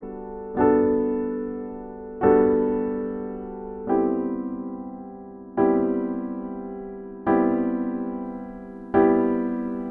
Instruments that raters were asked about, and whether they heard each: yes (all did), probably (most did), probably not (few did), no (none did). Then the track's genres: accordion: no
piano: yes
Post-Rock; Ambient; New Age